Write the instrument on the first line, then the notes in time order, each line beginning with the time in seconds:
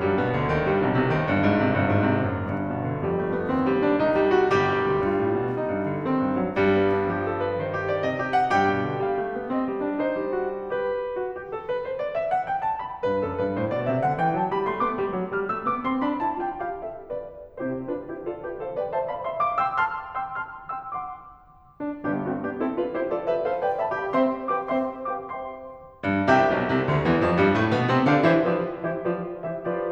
piano
0.00 G2 G3
0.21 B2 B3
0.38 D2 D3
0.55 D#2 D#3
0.70 G2 G3
0.82 B1 B2
0.99 C2 C3
1.15 D#2 D#3
1.28 G1 G2
1.40 G#1 G#2
1.58 C2 C3
1.75 G1 G2
1.90 G#1 G#2
2.08 C2 C3
2.25 F#1 F#2
2.45 G1 G2
2.65 B2
2.87 D3
3.05 F2 G3
3.22 A3
3.39 B3
3.53 D#2 C4
3.66 G3
3.80 D4
3.97 C2 D#4
4.12 G3
4.34 F#4
4.50 G1 G3 G4
4.67 B1
4.86 D2
5.07 G2 F4
5.22 A2
5.38 B2
5.51 C3 D#4
5.71 E2
5.85 D3
6.00 D#3 C4
6.20 G2
6.36 F#3
6.57 G2 G3
6.75 B3
6.94 D4
7.13 F3 G4
7.30 A4
7.45 B4
7.59 D#3 C5
7.73 G4
7.87 D5
8.03 C3 D#5
8.20 G4
8.36 F#5
8.54 G2 G4 G5
8.75 B2
8.89 D3
9.04 G3 F5
9.23 A3
9.36 B3
9.49 C4 D#5
9.65 E3
9.82 D4
10.00 D#4 C5
10.23 G3
10.43 F#4
10.75 G4 B4
11.18 F#4
11.35 G4
11.54 A4
11.69 B4
11.83 C5
11.97 D5
12.13 E5
12.33 F#5
12.49 G5
12.63 A5
12.83 B5
13.03 B2 B4
13.21 F#2 A4
13.36 G2 B4
13.57 A2 C5
13.76 B2 D5
13.91 C3 E5
14.00 D3 F#5
14.16 E3 G5
14.34 F#3 A5
14.50 G3 B5
14.68 A3 C6
14.79 B3 D6
14.93 G3
15.10 F#3
15.31 G3 F6
15.49 A3 E6
15.69 B3 D6
15.86 C4 C6
16.03 D4 B5
16.23 E4 A5
16.42 F4 G5
16.64 G4 F5
16.82 A4 E5
17.14 B4 D5
17.67 C3 C4 E4 G4 C5
17.90 D4 F4 B4
18.10 E4 G4 C5
18.25 F4 A4 D5
18.43 G4 B4 E5
18.61 A4 C5 F5
18.75 B4 D5 G5
18.92 C5 E5 A5
19.09 D5 F5 B5
19.25 E5 G5 C6
19.45 F5 A5 D6
19.60 G5 C6 E6
19.80 A5 C6 F6
20.18 G5 C6 E6
20.38 A5 C6 F6
20.70 G5 C6 E6
20.93 F#5 C6 D6
21.80 D4
22.02 G1 G2 B3 D4 G4
22.24 A3 C4 F#4
22.43 B3 D4 G4
22.65 C4 E4 A4
22.80 D4 F4 B4
22.94 E4 G4 C5
23.08 F4 A4 D5
23.28 G4 B4 E5
23.44 A4 C5 F5
23.61 B4 D5 G5
23.82 C5 E5 A5
23.99 G4 D5 F5 B5
24.17 C4 C5 E5 G5 C6
24.51 G4 B4 F5 G5 D6
24.69 C4 C5 E5 G5 C6
25.09 G4 B4 F5 G5 D6
25.26 C4 C5 E5 G5 C6
26.06 G2
26.28 C2 C3 G4 E5 G5
26.51 B1 B2
26.73 C2 C3
26.90 D2 D3
27.07 E2 E3
27.23 F2 F3
27.36 G2 G3
27.56 A2 A3
27.74 B2 B3
27.91 C3 C4
28.10 D3 D4 G4 D5 F5
28.27 E3 E4 G4 C5 E5
28.47 F3 F4 G4 B4 D5
28.78 E3 E4 G4 C5 E5
28.99 F3 F4 G4 B4 D5
29.30 E3 E4 G4 C#5 E5
29.47 D3 D4 A4 D5 F5